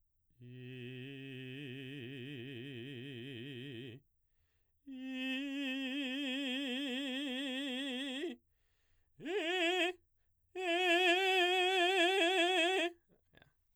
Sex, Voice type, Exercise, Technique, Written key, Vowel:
male, baritone, long tones, trill (upper semitone), , i